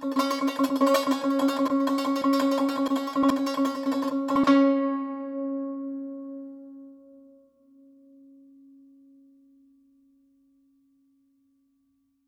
<region> pitch_keycenter=61 lokey=61 hikey=62 volume=4.951586 ampeg_attack=0.004000 ampeg_release=0.300000 sample=Chordophones/Zithers/Dan Tranh/Tremolo/C#3_Trem_1.wav